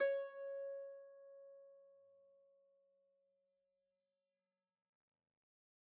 <region> pitch_keycenter=73 lokey=73 hikey=74 volume=13.109338 lovel=0 hivel=65 ampeg_attack=0.004000 ampeg_release=0.300000 sample=Chordophones/Zithers/Dan Tranh/Normal/C#4_mf_1.wav